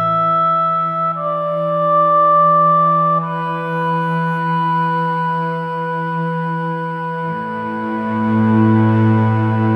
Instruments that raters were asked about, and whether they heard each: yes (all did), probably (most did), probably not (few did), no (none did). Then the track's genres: clarinet: probably
guitar: no
trumpet: no
trombone: probably not
cello: probably
Classical